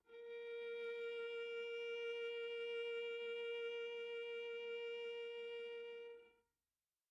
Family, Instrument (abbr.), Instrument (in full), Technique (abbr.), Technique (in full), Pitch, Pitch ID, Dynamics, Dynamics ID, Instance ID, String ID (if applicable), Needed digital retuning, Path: Strings, Va, Viola, ord, ordinario, A#4, 70, pp, 0, 2, 3, FALSE, Strings/Viola/ordinario/Va-ord-A#4-pp-3c-N.wav